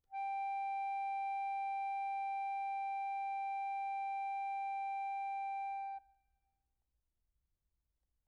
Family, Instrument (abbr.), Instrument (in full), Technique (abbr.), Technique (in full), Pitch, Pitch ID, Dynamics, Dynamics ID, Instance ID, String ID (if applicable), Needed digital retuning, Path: Keyboards, Acc, Accordion, ord, ordinario, G5, 79, pp, 0, 2, , FALSE, Keyboards/Accordion/ordinario/Acc-ord-G5-pp-alt2-N.wav